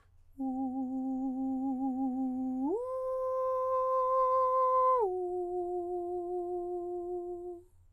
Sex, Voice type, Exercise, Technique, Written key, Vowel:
male, countertenor, long tones, full voice pianissimo, , u